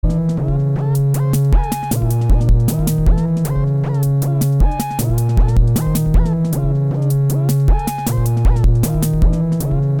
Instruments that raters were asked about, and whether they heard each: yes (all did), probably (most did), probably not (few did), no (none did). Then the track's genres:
guitar: no
banjo: no
synthesizer: yes
organ: no
Electronic; Experimental; Minimal Electronic